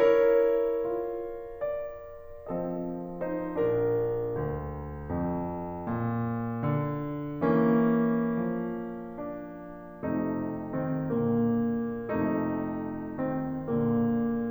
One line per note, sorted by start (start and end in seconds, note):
0.03 0.84 E4
0.03 2.54 A#4
0.03 2.54 C#5
0.85 2.54 F4
1.62 2.54 D5
2.58 3.38 F3
2.58 3.21 C4
2.58 3.38 A4
2.58 3.21 D#5
3.22 3.38 D#4
3.22 3.38 C5
3.40 4.31 A#1
3.40 5.12 D4
3.40 5.12 A#4
4.32 5.12 D2
5.13 5.89 F2
5.90 6.67 A#2
6.68 7.44 D3
7.46 8.49 E3
7.46 10.01 A#3
7.46 10.01 C#4
8.49 10.01 F3
9.17 10.01 D4
10.02 11.09 F2
10.02 10.72 C3
10.02 11.09 A3
10.02 10.72 D#4
10.76 11.09 D#3
10.76 11.09 C4
11.10 12.13 A#2
11.10 12.13 D3
11.10 12.13 A#3
12.15 13.57 F2
12.15 13.19 C3
12.15 13.57 A3
12.15 13.19 D#4
13.20 13.57 D#3
13.20 13.57 C4
13.59 14.49 A#2
13.59 14.49 D3
13.59 14.49 A#3